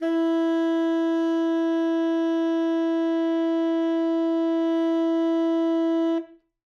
<region> pitch_keycenter=64 lokey=64 hikey=65 volume=10.349553 lovel=84 hivel=127 ampeg_attack=0.004000 ampeg_release=0.500000 sample=Aerophones/Reed Aerophones/Tenor Saxophone/Non-Vibrato/Tenor_NV_Main_E3_vl3_rr1.wav